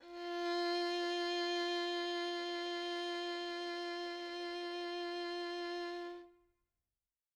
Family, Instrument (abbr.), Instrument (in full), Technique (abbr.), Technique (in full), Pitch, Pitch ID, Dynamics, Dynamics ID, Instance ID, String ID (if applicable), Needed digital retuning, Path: Strings, Vn, Violin, ord, ordinario, F4, 65, mf, 2, 3, 4, FALSE, Strings/Violin/ordinario/Vn-ord-F4-mf-4c-N.wav